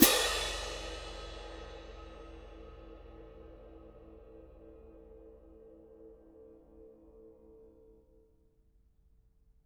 <region> pitch_keycenter=60 lokey=60 hikey=60 volume=0.594299 lovel=84 hivel=106 seq_position=2 seq_length=2 ampeg_attack=0.004000 ampeg_release=30.000000 sample=Idiophones/Struck Idiophones/Clash Cymbals 1/cymbal_crash1_mf2.wav